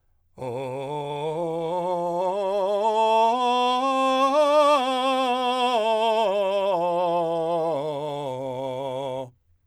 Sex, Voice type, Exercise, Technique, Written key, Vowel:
male, , scales, belt, , o